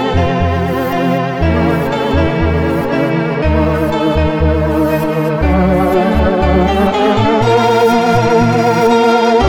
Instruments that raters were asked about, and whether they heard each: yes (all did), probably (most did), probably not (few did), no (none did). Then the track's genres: banjo: probably not
Electronic; Soundtrack; Chiptune